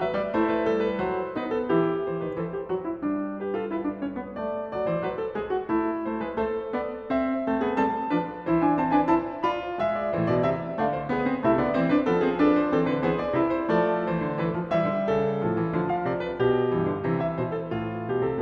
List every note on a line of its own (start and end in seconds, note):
0.00 0.15 F#3
0.00 0.31 B4
0.00 0.16 E5
0.15 0.30 G3
0.15 0.31 D5
0.30 0.65 A3
0.30 1.38 E4
0.30 0.50 C5
0.50 0.66 B4
0.65 1.00 G3
0.65 0.80 A4
0.80 1.02 B4
1.00 1.37 F#3
1.00 1.38 C5
1.37 1.67 B3
1.37 1.68 D#4
1.37 1.54 B4
1.54 1.70 A4
1.67 2.01 E3
1.67 2.02 E4
1.67 2.33 G4
2.01 2.16 E3
2.01 2.17 C5
2.16 2.31 D#3
2.16 2.32 B4
2.31 2.64 E3
2.31 2.48 A4
2.31 3.39 C5
2.48 2.65 G4
2.64 3.02 F#3
2.64 2.80 F#4
2.80 3.02 E4
3.02 4.71 G3
3.02 3.38 D4
3.38 3.55 G4
3.38 3.56 B4
3.55 3.68 F4
3.55 3.69 A4
3.68 3.83 E4
3.68 4.01 B4
3.83 3.99 D4
3.99 4.21 C#4
3.99 4.40 C#5
4.21 4.40 B3
4.40 4.73 A3
4.40 6.03 D5
4.71 4.88 F#3
4.71 4.89 D5
4.88 5.05 E3
4.88 5.06 C5
5.05 5.38 F#3
5.05 5.22 B4
5.22 5.39 A4
5.38 5.70 G#3
5.38 5.54 G#4
5.54 5.71 F#4
5.70 6.00 A3
5.70 6.36 E4
6.00 6.18 A3
6.00 6.21 C5
6.18 6.35 G#3
6.18 6.37 B4
6.35 6.66 A3
6.35 7.04 A4
6.35 6.69 C5
6.66 7.04 B3
6.66 7.05 D5
7.04 7.47 C4
7.04 7.48 E5
7.47 7.78 A3
7.47 7.62 C4
7.47 7.79 A4
7.62 7.78 B3
7.62 7.78 G#4
7.78 8.12 G3
7.78 8.12 C4
7.78 8.13 A4
7.78 8.67 A5
8.12 8.50 F3
8.12 8.50 D4
8.12 8.51 B4
8.50 9.07 E3
8.50 8.67 E4
8.50 8.79 C5
8.67 8.78 D4
8.67 8.79 G#5
8.78 8.90 C4
8.78 8.90 C5
8.78 8.90 A5
8.90 9.07 D4
8.90 9.09 B4
8.90 9.09 G#5
9.07 9.46 E4
9.07 9.47 C5
9.07 9.49 A5
9.46 9.80 F4
9.46 9.81 D5
9.46 9.82 B5
9.80 10.10 G#3
9.80 10.70 E5
9.97 10.11 D5
10.10 10.24 A2
10.10 10.38 E3
10.10 10.25 C5
10.24 10.38 B2
10.24 10.39 D5
10.38 10.69 C3
10.38 10.69 E5
10.69 11.40 D3
10.69 11.09 A3
10.69 10.87 D5
10.69 11.09 F5
10.87 11.10 C5
11.09 11.25 B3
11.09 11.40 G#4
11.09 11.41 B4
11.25 11.40 C4
11.40 11.59 C3
11.40 11.59 A3
11.40 11.74 E4
11.40 11.59 E5
11.59 11.74 D3
11.59 11.74 B3
11.59 11.75 D5
11.74 12.06 E3
11.74 11.90 C4
11.74 11.91 C5
11.90 12.06 D4
11.90 12.07 B4
12.06 12.70 F3
12.06 12.24 B3
12.06 12.41 A4
12.24 12.40 C4
12.24 12.41 G#4
12.40 12.70 D4
12.40 12.71 A4
12.40 12.56 B4
12.56 12.71 C5
12.70 12.88 E3
12.70 13.00 C4
12.70 12.89 A4
12.88 13.00 D3
12.88 13.01 B4
13.00 13.33 E3
13.00 13.33 B3
13.00 13.34 G#4
13.00 13.15 C5
13.15 13.34 D5
13.33 13.69 C3
13.33 13.69 E4
13.33 13.47 B4
13.47 13.70 C5
13.69 14.09 F3
13.69 14.76 A3
13.69 14.41 A4
13.69 14.11 D5
14.09 14.21 E3
14.09 14.40 C5
14.21 14.38 D3
14.38 14.58 E3
14.38 14.76 B4
14.58 14.76 F3
14.76 14.93 E3
14.76 15.46 G3
14.76 15.09 E5
14.93 15.09 D3
15.09 15.46 C#3
15.09 15.92 A4
15.46 15.73 A2
15.46 15.60 F3
15.60 15.73 E3
15.73 16.08 D3
15.73 16.73 F3
15.92 16.09 F5
16.08 16.37 C3
16.08 16.23 D5
16.23 16.38 B4
16.37 16.73 B2
16.37 17.22 G4
16.73 17.02 G2
16.73 16.86 E3
16.86 17.02 D3
17.02 17.38 C3
17.02 18.41 E3
17.22 17.39 E5
17.38 17.71 B2
17.38 17.51 C5
17.51 17.71 A4
17.71 18.07 A2
17.71 18.08 F4
18.07 18.24 B2
18.07 18.25 G4
18.24 18.41 C3
18.24 18.41 A4